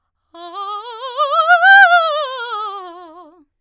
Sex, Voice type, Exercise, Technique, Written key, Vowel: female, soprano, scales, fast/articulated forte, F major, a